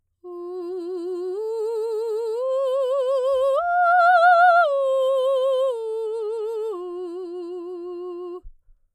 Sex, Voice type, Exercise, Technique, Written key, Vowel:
female, soprano, arpeggios, slow/legato piano, F major, u